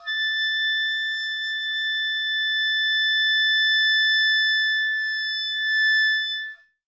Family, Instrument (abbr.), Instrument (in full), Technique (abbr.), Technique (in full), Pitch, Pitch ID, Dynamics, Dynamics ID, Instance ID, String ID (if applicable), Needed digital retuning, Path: Winds, Ob, Oboe, ord, ordinario, A6, 93, ff, 4, 0, , TRUE, Winds/Oboe/ordinario/Ob-ord-A6-ff-N-T18u.wav